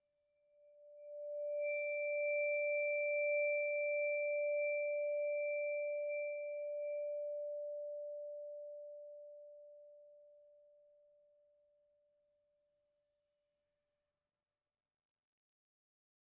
<region> pitch_keycenter=74 lokey=71 hikey=77 volume=21.280301 offset=25041 ampeg_attack=0.004000 ampeg_release=5.000000 sample=Idiophones/Struck Idiophones/Vibraphone/Bowed/Vibes_bowed_D4_rr1_Main.wav